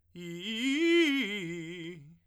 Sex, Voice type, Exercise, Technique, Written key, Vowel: male, tenor, arpeggios, fast/articulated piano, F major, i